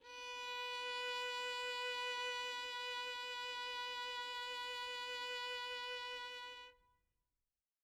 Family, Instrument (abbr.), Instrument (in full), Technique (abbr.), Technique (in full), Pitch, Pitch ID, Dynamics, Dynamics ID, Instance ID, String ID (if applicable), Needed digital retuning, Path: Strings, Vn, Violin, ord, ordinario, B4, 71, mf, 2, 1, 2, FALSE, Strings/Violin/ordinario/Vn-ord-B4-mf-2c-N.wav